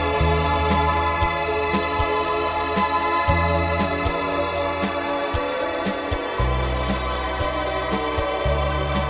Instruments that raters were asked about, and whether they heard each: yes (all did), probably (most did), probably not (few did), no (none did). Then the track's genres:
organ: probably
Soundtrack; Ambient; Instrumental